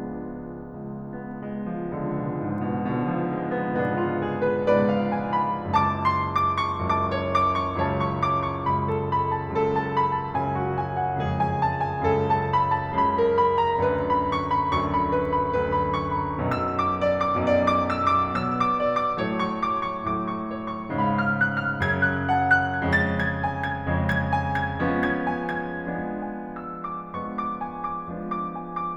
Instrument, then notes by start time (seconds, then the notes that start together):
piano
0.00 C#2 F3 G#3 B3 D4
0.82 C#2
1.03 B3
1.36 G#3
1.72 F3
1.88 C#2 D3
2.08 B2
2.35 G#2
2.91 C#2 G#2 B2 D3
3.17 F3
3.34 G#3
3.72 C#2 G#2 B3 D4
3.89 F4
4.17 G#4
4.39 B4
4.68 C#2 G#2 B4 D5
4.93 F5
5.10 G#5
5.32 B5
5.62 F#1 C#2 F#2 A5 D6
5.92 C6
6.13 D6
6.62 C#6
6.85 F#1 C#2 F#2 A5 D6
7.06 C#5
7.29 D6
7.47 C#6
7.71 C#2 F#2 C#3 C#5 A5
7.98 C#6
8.14 D6
8.39 C#6
8.64 C#2 F#2 C#3 B5
8.84 A4
9.01 B5
9.28 A5
9.51 C#2 F#2 C#3 A4
9.71 A5
9.87 B5
10.08 A5
10.36 C#2 F#2 C#3 G#5
10.55 F#4
10.74 G#5
10.95 F#5
11.18 C#2 F2 C#3 G#4
11.38 G#5
11.58 A5
11.82 G#5
12.05 C#2 F#2 C#3 A4
12.25 A5
12.47 B5
12.70 A5
12.97 C#2 F#2 C#3 B5
13.18 A#4
13.37 B5
13.57 A#5
13.84 D2 F#2 D3 B4
14.06 B5
14.30 C#6
14.48 B5
14.70 D2 F#2 D3 C#6
14.97 B5
15.13 B4
15.34 B5
15.56 D2 F#2 D3 B4
15.77 B5
15.96 C#6
16.17 B5
16.40 B1 F#2 B2 E6
16.70 D6
17.03 D5
17.28 D6
17.46 B1 F#2 B2 D5
17.65 D6
17.86 E6
18.10 D6
18.34 B2 F#3 B3 E6
18.58 D6
18.75 D5
18.92 D6
19.17 A2 F#3 A3 C#5
19.39 C#6
19.61 D6
19.88 C#6
20.11 A2 F#3 A3 D6
20.31 C#6
20.48 C#5
20.69 C#6
20.97 G#2 C#3 G#3 F5 B5
21.21 F6
21.48 F#6
21.65 F6
21.84 F#2 C#3 F#3 G#6
22.00 F#6
22.31 F#5 A5
22.56 F#6
22.83 F2 C#3 G#3 A6
23.09 G#6
23.37 G#5
23.59 G#6
23.78 F2 C#3 G#3
24.06 G#6
24.33 G#5
24.61 G#6
24.80 F3 G#3 B3 C#4
25.01 G#6
25.29 G#5
25.66 G#6
25.87 F3 G#3 B3 D4
26.15 G#5
26.33 E6
26.55 D6
26.71 F3 G#3 B3 D4 C#6
27.18 D6
27.36 G#5
27.67 D6
27.91 F3 G#3 B3 D4
28.26 D6
28.58 G#5
28.79 D6